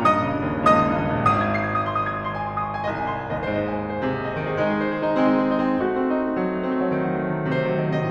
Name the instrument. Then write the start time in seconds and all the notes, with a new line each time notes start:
piano
0.00 G2 D#5 D#6
0.20 C#3
0.29 A#2
0.38 G2
0.50 D#2
0.59 C#2 D#5 D#6
0.71 D#2
0.81 G2
0.92 D#2
1.02 C#2
1.18 A#1
1.31 G#1 D#6
1.46 G#6
1.54 C7
1.65 G#6
1.76 D#6
1.87 C6
1.96 D#6
2.07 G#6
2.16 D#6
2.26 C6
2.37 G#5
2.46 C6
2.57 D#6
2.64 C6
2.74 G#5
2.86 C2 D#5
2.96 G#5
3.09 C6
3.19 G#5
3.30 D#2 D#5
3.45 G#2 C5
3.56 D#5
3.68 G#5
3.81 D#5
3.92 C5
4.04 C3 G#4
4.18 C5
4.28 D#5
4.40 C5
4.49 D#3 G#4
4.60 G#3 D#4
4.68 G#4
4.81 C5
4.92 G#4
5.02 D#4
5.14 G#3 C4
5.34 D#4
5.49 G#4
5.60 D#4
5.69 C4
5.86 A3 F#4
5.94 C4
6.10 D#4
6.20 C4
6.30 A3
6.43 F#3
6.57 A3
6.66 C4
6.80 A3
6.92 F#3
7.06 D#3
7.16 F#3
7.26 A3
7.34 F#3
7.42 D#3
7.53 C3 C5
7.64 D#3
7.74 F#3
7.91 D#3
8.00 C3 D#5